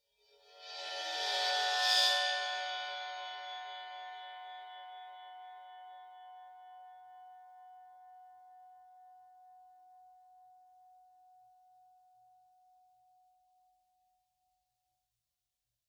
<region> pitch_keycenter=61 lokey=61 hikey=61 volume=15.000000 offset=22047 ampeg_attack=0.004000 ampeg_release=2.000000 sample=Idiophones/Struck Idiophones/Suspended Cymbal 1/susCymb1_bow_17.wav